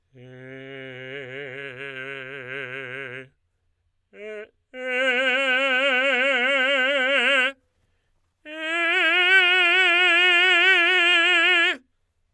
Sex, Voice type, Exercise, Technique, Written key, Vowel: male, tenor, long tones, trill (upper semitone), , e